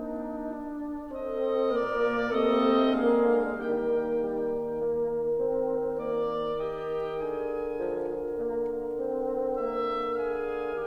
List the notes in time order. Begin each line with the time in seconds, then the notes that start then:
0.00 A#3 D4 D#4
0.39 D4
1.14 C4 A4 D#5
1.76 A#2 A#3 A#4 D5
2.29 C3 A3 A#3 C4 A4 D#5
2.91 D3 G#3 A#3 D4 G#4 A#4 F5
3.44 D#3 G3 A#3 D#4 G4 A#4 G5
3.96 G3
4.46 A#3
5.33 C4
6.13 A#3 D5
6.72 G4 D#5 G5
7.21 D3 G#4 A#4 G#5
7.69 F3
8.13 A#3
9.03 C4
9.66 A#3 E5
10.07 G#4 F5 G#5